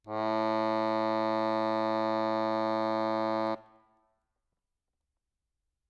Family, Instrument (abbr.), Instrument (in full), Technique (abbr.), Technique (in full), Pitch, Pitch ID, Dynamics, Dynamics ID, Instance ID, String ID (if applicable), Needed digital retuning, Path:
Keyboards, Acc, Accordion, ord, ordinario, A2, 45, ff, 4, 0, , FALSE, Keyboards/Accordion/ordinario/Acc-ord-A2-ff-N-N.wav